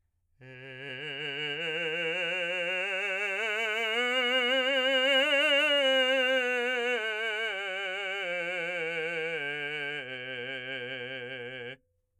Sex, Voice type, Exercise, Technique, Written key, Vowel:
male, , scales, slow/legato forte, C major, e